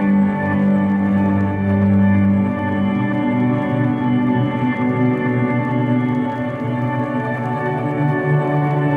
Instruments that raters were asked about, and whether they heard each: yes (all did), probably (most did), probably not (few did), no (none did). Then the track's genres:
banjo: no
organ: probably
Post-Rock